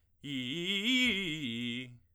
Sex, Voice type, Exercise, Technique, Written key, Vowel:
male, tenor, arpeggios, fast/articulated forte, C major, i